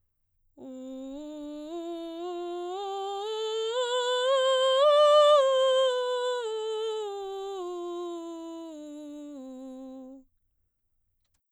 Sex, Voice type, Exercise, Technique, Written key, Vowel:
female, soprano, scales, belt, , u